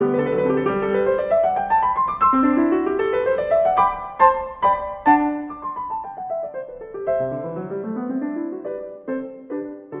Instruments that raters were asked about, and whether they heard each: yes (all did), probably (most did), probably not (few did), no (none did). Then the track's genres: drums: no
piano: yes
bass: no
Classical